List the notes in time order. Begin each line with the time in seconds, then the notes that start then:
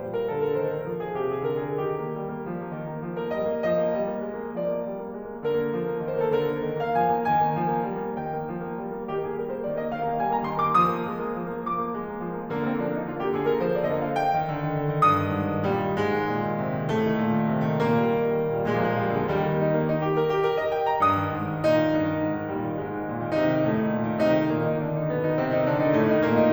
0.00 A#2 G3
0.15 A#4
0.29 D3 A4
0.46 A#4
0.63 D#3 C5
0.75 A#4
0.89 F3
1.06 G#4
1.23 C3 G4
1.39 G#4
1.56 D3 A#4
1.71 G#4
1.88 D#3 G4
2.01 A#3
2.16 G3
2.30 A#3
2.46 F3
2.60 A#3
2.75 D#3
2.97 A#3
3.10 F3
3.24 A#3 A#4
3.39 G3 D#5
3.53 A#3
3.68 F3 D#5
3.85 A#3
4.01 G3
4.16 A#3
4.31 G#3
4.47 A#3
4.61 F3 D5
4.75 A#3
4.89 G3
5.02 A#3
5.18 G#3
5.33 A#3
5.50 D3 A#4
5.64 A#3
5.78 F3
5.94 A#3
6.11 D#3
6.21 A#3
6.36 D3 A#4
6.42 C5
6.50 A#3 A#4
6.57 A4
6.65 D#3 A#4
6.82 A#3 F5
6.97 F3 G#5
7.12 A#3
7.28 D#3 G#5
7.45 A#3
7.64 F3
7.77 A#3
7.94 G3
8.07 A#3
8.22 D#3 G5
8.38 A#3
8.57 F3
8.74 A#3
8.89 G3
9.03 A#3
9.16 D#3 G4
9.30 A#3 G#4
9.49 G3 A#4
9.61 A#3 C5
9.71 D#3 D5
9.85 A#3 D#5
9.98 D#3 F5
10.10 A#3 G5
10.21 G3 G#5
10.36 A#3 A#5
10.50 D#3 C6
10.62 A#3 D6
10.80 F3 D#6
10.95 A#3
11.10 G#3
11.25 A#3
11.39 F3
11.52 A#3
11.68 F3 D6
11.81 A#3
11.95 G#3
12.09 A#3
12.26 F3
12.38 A#3
12.53 D3 A#3
12.67 A#3 C4
12.82 F3 D4
12.97 A#3 D#4
13.12 D3 F4
13.26 A#3 G4
13.40 D3 G#4
13.56 A#3 A#4
13.65 F3 C5
13.76 A#3 D5
13.90 D3 D#5
14.07 A#3 F5
14.21 G5
14.35 D#3
14.51 D3
14.64 D#3
14.77 D3
14.92 D#3
15.07 G2 D#6
15.22 D#3
15.37 G#2
15.52 D#3
15.69 A#2 G3
15.86 D#3
16.04 G#2 G#3
16.27 D#3
16.40 A#2
16.58 D#3
16.71 C3
16.82 D#3
16.95 A2 A3
17.07 D#3
17.19 A#2
17.35 D#3
17.48 C3
17.62 D#3
17.81 A#2 A#3
17.96 G3
18.10 D#3
18.24 G3
18.40 A#2
18.54 G3
18.68 A#2 G#3
18.74 A#3
18.81 F3 G#3
18.88 A#3
18.94 D3 G#3 A#3
19.03 F3 G#3
19.10 A#3
19.16 A#2 G#3
19.23 F3 G3 A#3
19.31 D#2 D#3 G3 G#3
19.48 A#3
19.62 D#4
19.73 A#3
19.85 D#4
20.03 G4
20.17 A#4
20.31 G4
20.46 A#4
20.58 D#5
20.71 G5
20.85 A#5
21.01 G2 D#6
21.18 D#3
21.32 G#2
21.47 D#3
21.64 A#2 D#4
21.78 D#3
21.94 G2
22.08 D#3
22.22 G#2
22.36 D#3
22.52 A#2 G3
22.66 D#3
22.78 G#2 G#3
22.93 D#3
23.07 A#2
23.21 D#3
23.36 C3 D#4
23.50 D#3
23.64 A2 A3
23.79 D#3
23.95 A#2
24.08 D#3
24.23 C3 D#4
24.39 D#3
24.52 A#2 A#3
24.68 D#3 D#4
24.83 D3 D4
24.97 D#3 D#4
25.10 B2 B3
25.25 D#3 D#4
25.38 C3 C4
25.53 D#3 D#4
25.67 D3 D4
25.80 D#3 D#4
25.95 A2 A3
26.08 D#3 D#4
26.24 A#2 A#3
26.38 D#3 D#4